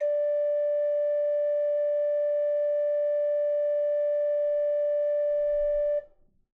<region> pitch_keycenter=62 lokey=62 hikey=63 ampeg_attack=0.004000 ampeg_release=0.300000 amp_veltrack=0 sample=Aerophones/Edge-blown Aerophones/Renaissance Organ/4'/RenOrgan_4foot_Room_D3_rr1.wav